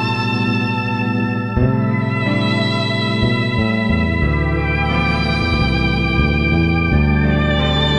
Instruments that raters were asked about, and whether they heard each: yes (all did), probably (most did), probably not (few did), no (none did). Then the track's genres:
organ: probably
violin: yes
Jazz; Rock; Electronic